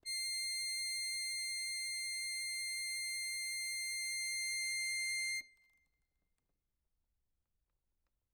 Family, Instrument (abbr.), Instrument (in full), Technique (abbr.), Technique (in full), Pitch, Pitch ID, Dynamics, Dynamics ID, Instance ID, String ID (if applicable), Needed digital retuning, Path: Keyboards, Acc, Accordion, ord, ordinario, C7, 96, ff, 4, 0, , FALSE, Keyboards/Accordion/ordinario/Acc-ord-C7-ff-N-N.wav